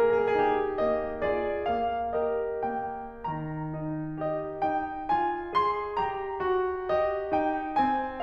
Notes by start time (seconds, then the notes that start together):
0.00 A#3 G#4
0.12 A#4
0.20 G#4
0.28 A#4
0.38 D#4 G4
0.82 A#3 D#5
1.25 F4 G#4 D5
1.70 A#3 F5
2.23 G4 A#4 D#5
2.72 A#3 G5
3.23 D#3 A#5
3.62 D#4
4.24 G4 D#5
4.66 D#4 G5
5.12 F4 G#5
5.60 G#4 C6
5.97 G4 A#5
6.40 F#4
6.93 G4 D#5
7.35 D#4 G5
7.79 C4 G#5